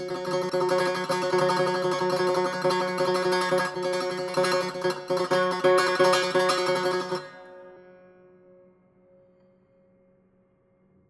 <region> pitch_keycenter=54 lokey=53 hikey=55 volume=6.049005 ampeg_attack=0.004000 ampeg_release=0.300000 sample=Chordophones/Zithers/Dan Tranh/Tremolo/F#2_Trem_1.wav